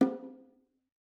<region> pitch_keycenter=63 lokey=63 hikey=63 volume=9.962652 offset=294 lovel=100 hivel=127 seq_position=1 seq_length=2 ampeg_attack=0.004000 ampeg_release=15.000000 sample=Membranophones/Struck Membranophones/Bongos/BongoL_Hit1_v3_rr1_Mid.wav